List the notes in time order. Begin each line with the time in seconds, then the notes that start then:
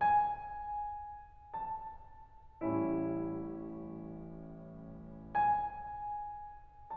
0.01 G#5
1.60 A5
2.63 A1 A2 G3 C#4 E4
5.35 G#5